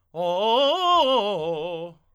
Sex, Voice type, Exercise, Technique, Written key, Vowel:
male, tenor, arpeggios, fast/articulated forte, F major, o